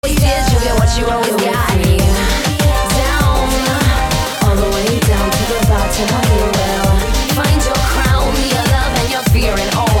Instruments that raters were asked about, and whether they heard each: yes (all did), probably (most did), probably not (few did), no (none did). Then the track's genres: organ: no
voice: yes
cello: no
Rap